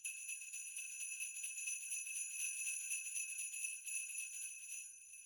<region> pitch_keycenter=61 lokey=61 hikey=61 volume=15.000000 ampeg_attack=0.004000 ampeg_release=1.000000 sample=Idiophones/Struck Idiophones/Sleigh Bells/sleighbell1_shake1.wav